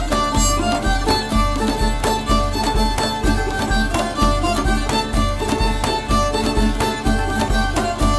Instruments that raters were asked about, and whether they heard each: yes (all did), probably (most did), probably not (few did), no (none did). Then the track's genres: accordion: no
banjo: probably not
International; Middle East; Turkish